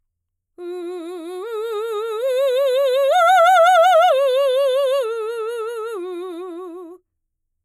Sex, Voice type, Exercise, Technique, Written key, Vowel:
female, mezzo-soprano, arpeggios, slow/legato forte, F major, u